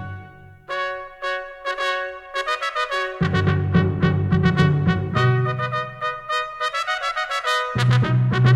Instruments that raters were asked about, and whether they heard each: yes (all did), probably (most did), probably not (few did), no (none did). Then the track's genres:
trombone: yes
trumpet: yes
saxophone: probably
Classical; Americana